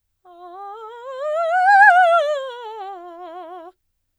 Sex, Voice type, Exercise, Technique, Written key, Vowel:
female, soprano, scales, fast/articulated piano, F major, a